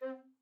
<region> pitch_keycenter=60 lokey=60 hikey=61 tune=-3 volume=11.389151 offset=230 ampeg_attack=0.004000 ampeg_release=10.000000 sample=Aerophones/Edge-blown Aerophones/Baroque Bass Recorder/Staccato/BassRecorder_Stac_C3_rr1_Main.wav